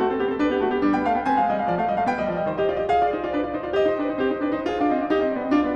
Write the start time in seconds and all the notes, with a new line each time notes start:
0.00 A3 F#4
0.09 C4 A4
0.19 B3 G4
0.31 C4 A4
0.42 D4 B4
0.55 B3 G4
0.63 A3 F#4
0.71 B3 G4
0.81 G3 D4
0.92 B3 G5
1.04 A3 F5
1.18 B3 G5
1.28 C4 G#5
1.38 G#3 F5
1.45 G3 D#5
1.56 G#3 F5
1.65 F3 D5
1.79 A3 F5
1.88 G3 D#5
2.00 A3 F5
2.07 B3 G5
2.18 G3 D#5
2.32 F3 D5
2.38 G3 D#5
2.47 D#3 C5
2.58 G4 D#5
2.67 F4 D5
2.80 G4 D#5
2.93 G#4 F5
3.04 F4 D5
3.18 D#4 C5
3.24 F4 D5
3.34 D4 B4
3.46 F4 D5
3.54 D#4 C5
3.66 F4 D5
3.76 G4 D#5
3.90 D#4 C5
3.99 D4 A#4
4.08 D#4 C5
4.13 C4 G4
4.26 D#4 C5
4.39 D4 B4
4.53 D#4 C5
4.62 F4 G#4
4.77 D4 F5
4.89 C4 D#5
4.99 D4 F5
5.09 D#4 G4
5.24 C4 D#5
5.36 B3 D5
5.42 C4 D#5
5.53 D4 F4
5.68 B3 D5